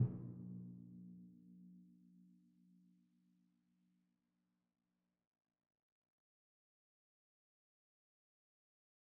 <region> pitch_keycenter=46 lokey=45 hikey=47 volume=28.497141 lovel=0 hivel=65 seq_position=2 seq_length=2 ampeg_attack=0.004000 ampeg_release=30.000000 sample=Membranophones/Struck Membranophones/Timpani 1/Hit/Timpani2_Hit_v2_rr2_Sum.wav